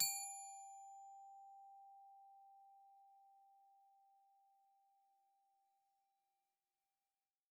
<region> pitch_keycenter=67 lokey=67 hikey=69 volume=18.191549 xfin_lovel=84 xfin_hivel=127 ampeg_attack=0.004000 ampeg_release=15.000000 sample=Idiophones/Struck Idiophones/Glockenspiel/glock_loud_G4_01.wav